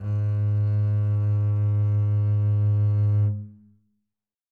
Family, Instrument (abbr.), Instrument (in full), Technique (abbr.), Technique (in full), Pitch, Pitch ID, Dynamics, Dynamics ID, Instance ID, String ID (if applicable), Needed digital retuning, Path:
Strings, Cb, Contrabass, ord, ordinario, G#2, 44, mf, 2, 2, 3, TRUE, Strings/Contrabass/ordinario/Cb-ord-G#2-mf-3c-T10u.wav